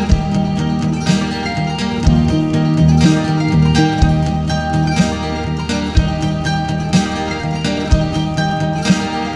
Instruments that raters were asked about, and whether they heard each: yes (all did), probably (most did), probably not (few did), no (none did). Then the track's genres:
mandolin: probably
banjo: yes
Post-Rock; Indie-Rock; Shoegaze